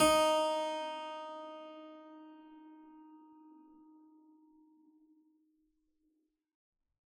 <region> pitch_keycenter=63 lokey=63 hikey=63 volume=-0.883560 trigger=attack ampeg_attack=0.004000 ampeg_release=0.400000 amp_veltrack=0 sample=Chordophones/Zithers/Harpsichord, Unk/Sustains/Harpsi4_Sus_Main_D#3_rr1.wav